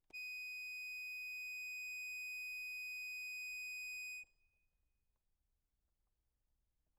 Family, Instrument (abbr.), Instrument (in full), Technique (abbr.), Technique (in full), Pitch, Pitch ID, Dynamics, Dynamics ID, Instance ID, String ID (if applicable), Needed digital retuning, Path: Keyboards, Acc, Accordion, ord, ordinario, D#7, 99, ff, 4, 1, , FALSE, Keyboards/Accordion/ordinario/Acc-ord-D#7-ff-alt1-N.wav